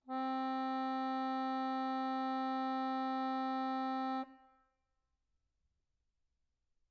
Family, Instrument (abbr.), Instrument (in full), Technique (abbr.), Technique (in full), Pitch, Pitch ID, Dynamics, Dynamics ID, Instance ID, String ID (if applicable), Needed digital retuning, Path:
Keyboards, Acc, Accordion, ord, ordinario, C4, 60, mf, 2, 4, , FALSE, Keyboards/Accordion/ordinario/Acc-ord-C4-mf-alt4-N.wav